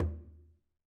<region> pitch_keycenter=62 lokey=62 hikey=62 volume=15.127726 lovel=84 hivel=127 seq_position=1 seq_length=2 ampeg_attack=0.004000 ampeg_release=15.000000 sample=Membranophones/Struck Membranophones/Conga/Quinto_HitFM1_v2_rr1_Sum.wav